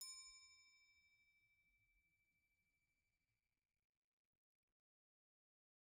<region> pitch_keycenter=84 lokey=77 hikey=85 volume=22.960868 offset=278 ampeg_attack=0.004000 ampeg_release=15.000000 sample=Idiophones/Struck Idiophones/Bell Tree/Individual/BellTree_Hit_C5_rr1_Mid.wav